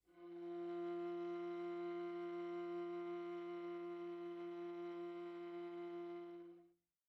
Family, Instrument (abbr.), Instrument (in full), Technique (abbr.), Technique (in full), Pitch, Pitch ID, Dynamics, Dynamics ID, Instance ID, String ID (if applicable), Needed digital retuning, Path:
Strings, Va, Viola, ord, ordinario, F3, 53, pp, 0, 3, 4, FALSE, Strings/Viola/ordinario/Va-ord-F3-pp-4c-N.wav